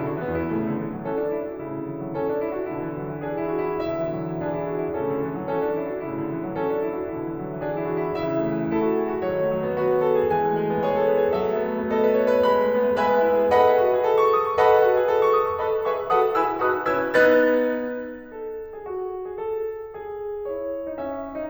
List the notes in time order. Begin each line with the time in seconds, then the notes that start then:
0.00 C#3 E4
0.14 D3 F#4
0.27 E3 B3
0.43 E2 E4
0.55 A2 C#3 A3
0.71 D3
0.82 E3
0.95 F#3
1.09 E3 C#4 A4
1.22 D4
1.36 E4
1.47 F#4
1.68 A2 C#3 E4
1.86 D3
1.99 E3
2.10 F#3
2.21 E3 C#4 A4
2.33 D4
2.43 E4
2.58 F#4
2.74 B2 D3 E4
2.90 E3
3.01 F#3
3.11 E3
3.23 E3 D4 G#4
3.38 E4
3.52 F#4
3.66 E4
3.84 B2 D3 E4 E5
4.03 E3
4.13 F#3
4.28 E3
4.42 E3 D4 G#4
4.60 E4
4.71 F#4
4.81 E4
4.98 A2 C#3 E4 A4
5.10 D3
5.24 E3
5.35 F#3
5.49 E3 C#4 A4
5.64 D4
5.80 E4
5.97 F#4
6.10 A2 C#3 E4
6.25 D3
6.36 E3
6.51 F#3
6.63 E3 C#4 A4
6.72 D4
6.83 E4
6.94 F#4
7.09 B2 D3 E4
7.29 E3
7.43 F#3
7.55 E3
7.65 E3 D4 G#4
7.83 E4
7.99 F#4
8.17 E4
8.34 C#3 E3 E4 E5
8.51 A3
8.61 E3
8.70 A3
8.81 E4 A4
8.88 F#4
9.06 G#4
9.20 F#4
9.31 D3 F#3 F#4 C#5
9.43 A3
9.58 F#3
9.69 B3
9.82 F#4 B4
10.00 G#4
10.12 A4
10.26 G#4
10.37 E3 G#3 G#5
10.51 A3
10.62 G#3
10.73 B3
10.82 G#4 C#5
10.94 A4
11.09 B4
11.23 A4
11.37 F#3 A3 A4 E5
11.49 B3
11.61 A3
11.75 B3
11.91 A4 D#5
12.04 B4
12.16 C#5
12.31 B4
12.46 G#3 B5
12.64 A3
12.76 B3
12.88 A3
12.99 G#3 B4 E5 G#5 B5
13.12 B3
13.28 E4
13.47 G#4
13.57 A4 B4 D#5 F#5 B5
13.73 G#4
13.83 F#4
13.98 G#4
14.09 A4
14.23 C#6
14.36 D#6
14.49 C#6
14.59 A4 B4 D#5 F#5 B5
14.70 G#4
14.86 F#4
15.00 G#4
15.12 A4
15.24 C#6
15.39 D#6
15.51 C#6
15.62 A4 B4 D#5 B5
15.86 G#4 B4 E5 C#6
16.11 F#4 A4 B4 F#5 A5 D#6
16.36 E4 G#4 B4 G#5 B5 E6
16.61 D#4 F#4 B4 D#6 F#6
16.87 C#4 E4 B4 E6 G#6
17.16 B3 D#4 B4 F#6 A6
18.41 A4
18.74 G#4
18.84 F#4
19.25 G#4
19.37 A4
19.95 G#4
20.51 E4 C#5
20.86 D#4
21.01 C#4 E5
21.39 D#4